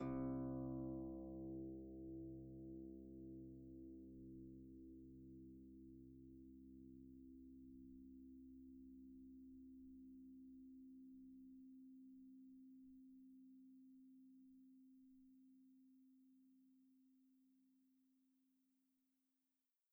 <region> pitch_keycenter=36 lokey=36 hikey=37 tune=-7 volume=24.926296 xfout_lovel=70 xfout_hivel=100 ampeg_attack=0.004000 ampeg_release=30.000000 sample=Chordophones/Composite Chordophones/Folk Harp/Harp_Normal_C1_v2_RR1.wav